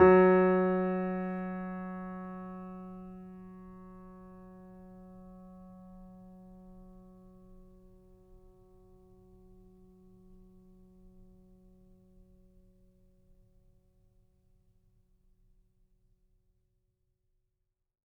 <region> pitch_keycenter=54 lokey=54 hikey=55 volume=0.501557 lovel=66 hivel=99 locc64=0 hicc64=64 ampeg_attack=0.004000 ampeg_release=0.400000 sample=Chordophones/Zithers/Grand Piano, Steinway B/NoSus/Piano_NoSus_Close_F#3_vl3_rr1.wav